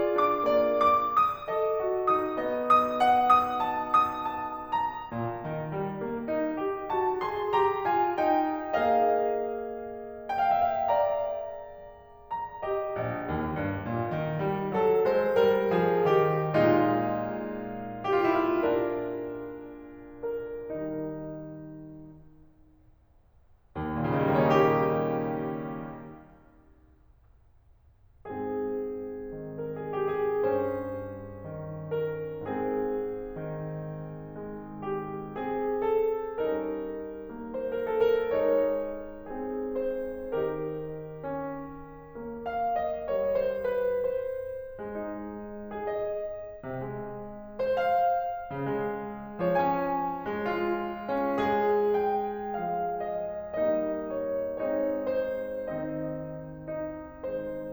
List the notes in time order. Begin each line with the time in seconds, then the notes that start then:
0.00 F4
0.22 D4 D6
0.57 A#3 D5
1.03 D6
1.27 D#6
1.54 A4 D#5
1.86 F#4
2.09 D#4 D#6
2.38 B3 D#5
2.65 D#6
3.01 F#5
3.25 D#6
3.67 A5
3.90 D#6
4.32 A5
4.70 A#5
5.11 A#2
5.51 D#3
5.75 G3
6.01 A#3
6.29 D#4
6.59 G4
6.88 F#4 A5
7.19 G#4 C6
7.51 G4 A#5
7.87 F4 G#5
8.19 D#4 G5
8.78 A#3 G#4 D#5 F5
10.29 F5
10.38 G5
10.47 E5
10.66 F5
10.82 D5 A#5
12.45 A#5
12.60 G4 D#5
13.00 A#1
13.34 D#2
13.60 G2
13.87 A#2
14.14 D#3
14.41 G3
14.84 F#3 A4
15.06 G#3 C5
15.36 G3 A#4
15.70 F3 G#4
16.06 D#3 G4
16.58 A#2 G#3 D#4 F4
17.98 F4
18.19 G4
18.26 E4
18.45 F4
18.54 D4 A#4
20.31 A#4
20.69 D#3 G3 D#4
23.77 D#2
23.92 A#2
24.00 C#3
24.08 D#3
24.24 G3
24.32 A#3
24.40 C#4
24.53 D#4
24.62 G4
28.29 G#2 C4 G#4
29.56 D#3 A#4
29.76 G#4
29.94 G4
30.10 G#4
30.51 G2 C#4 C5
31.61 D#3
32.01 A#4
32.40 G#2 C4 G#4
33.45 D#3
34.40 G#3
34.80 G4
35.40 C4 G#4
35.83 A4
36.37 G3 C#4 D#4 A#4
37.48 A#3 C5
37.71 A#4
37.92 A4
38.17 A#4
38.37 G#3 D#4 C#5
39.31 C4 G#4
39.85 C5
40.36 D#3 D#4 G4 A#4
41.27 C#4
42.20 A#3
42.47 F5
42.82 D#5
43.11 G3 C#5
43.34 C5
43.69 B4
44.06 C5
44.74 G#3
44.97 D#4
45.70 G#4
45.85 D#5
46.64 C3
46.81 G#3
47.59 C5
47.90 F5
48.53 C#3
48.67 G#3
49.39 F3 C#5
49.59 C#4 G#5
50.40 G#3
50.67 F4
51.25 C#4
51.42 G#3 G#4
51.98 G5
52.57 F3 G#3 F5
53.08 D#5
53.61 G3 A#3 D#4 D#5
54.08 C#5
54.50 G#3 C4 D#4 C#5
54.88 C5
55.73 D#3 C4 D#4 D#5
56.47 D#4
57.23 G#3 C5